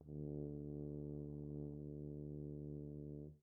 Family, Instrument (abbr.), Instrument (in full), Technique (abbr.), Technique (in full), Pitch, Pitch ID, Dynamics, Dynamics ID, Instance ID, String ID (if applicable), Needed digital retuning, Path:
Brass, BTb, Bass Tuba, ord, ordinario, D2, 38, pp, 0, 0, , TRUE, Brass/Bass_Tuba/ordinario/BTb-ord-D2-pp-N-T18u.wav